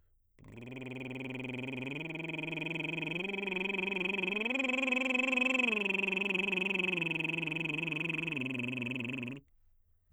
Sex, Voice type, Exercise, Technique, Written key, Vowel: male, baritone, arpeggios, lip trill, , a